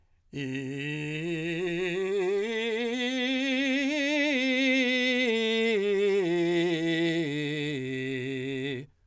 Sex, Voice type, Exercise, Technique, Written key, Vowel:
male, , scales, belt, , i